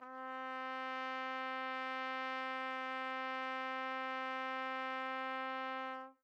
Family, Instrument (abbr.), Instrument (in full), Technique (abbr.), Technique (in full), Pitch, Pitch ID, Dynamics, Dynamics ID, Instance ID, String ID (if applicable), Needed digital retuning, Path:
Brass, TpC, Trumpet in C, ord, ordinario, C4, 60, mf, 2, 0, , FALSE, Brass/Trumpet_C/ordinario/TpC-ord-C4-mf-N-N.wav